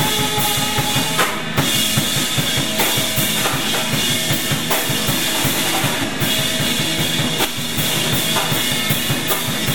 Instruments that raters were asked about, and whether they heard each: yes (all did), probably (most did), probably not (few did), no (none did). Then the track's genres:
cello: no
ukulele: no
drums: yes
Loud-Rock; Experimental Pop